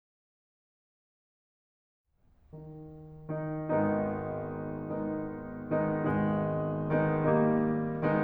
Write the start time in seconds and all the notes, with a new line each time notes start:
2.08 D#3 D#4
3.45 D#3 D#4
3.89 G#1 G#2 D#3 G#3 B3 D#4
4.93 D#3 G#3 B3 D#4
5.86 D#3 G#3 B3 D#4
6.27 G#1 D#3 G#3 B3 D#4
6.86 D#3 G#3 B3 D#4
7.09 D#3 G3 A#3 D#4
8.01 D#3 G#3 B3 D#4